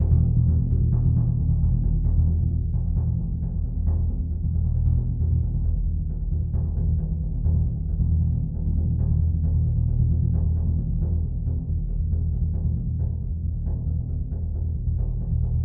<region> pitch_keycenter=63 lokey=63 hikey=63 volume=9.947226 lovel=107 hivel=127 ampeg_attack=0.004000 ampeg_release=2.000000 sample=Membranophones/Struck Membranophones/Bass Drum 2/bassdrum_roll_ff.wav